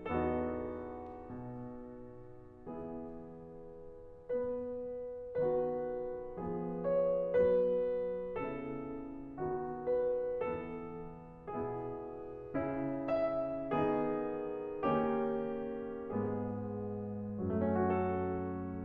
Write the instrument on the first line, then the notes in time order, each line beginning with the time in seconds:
piano
0.00 E2 B3 D#4 F#4 A4
1.34 B2
2.71 E3 B3 E4 G#4
4.09 B3 B4
5.35 D#3 B3 F#4 B4
6.40 F3 B3 G#4
6.97 C#5
7.41 F#3 B3 B4
8.37 C#3 B3 E4 A4
9.38 D#3 B3 F#4
9.88 B4
10.45 E3 B3 A4
11.58 B2 B3 E4 G#4
12.69 C#3 C#4 E4
13.11 E5
13.73 D#3 B3 D#4 G#4
14.83 D#3 A#3 C#4 G4
16.11 G#2 G#3 B3 G#4
17.46 A3
17.60 C#4
17.74 F#4
17.83 F#2 F#3 A4